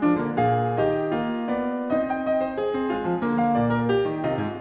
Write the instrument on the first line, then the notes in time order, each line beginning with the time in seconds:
piano
0.00 F3 D4
0.16 D3 A#3
0.36 A#2 G#4 F5
0.74 D#3 G4 D#5
1.09 A#3 G4
1.17 F4
1.22 G4
1.30 F4
1.37 F4 G4
1.45 B3 D5
1.88 C4 D#4 D#5
2.12 G5
2.26 D#5
2.44 C5
2.58 G#4
2.76 C4
2.89 G#3 F4
3.04 F3
3.22 D3 A#3
3.39 F5
3.55 A#2 D5
3.72 A#4
3.89 G4
4.04 D#3
4.23 C3 F4 D#5
4.39 G#2